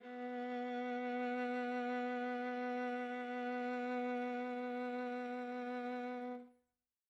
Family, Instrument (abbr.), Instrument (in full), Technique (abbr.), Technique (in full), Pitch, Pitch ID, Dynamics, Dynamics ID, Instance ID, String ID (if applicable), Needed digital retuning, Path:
Strings, Va, Viola, ord, ordinario, B3, 59, mf, 2, 3, 4, FALSE, Strings/Viola/ordinario/Va-ord-B3-mf-4c-N.wav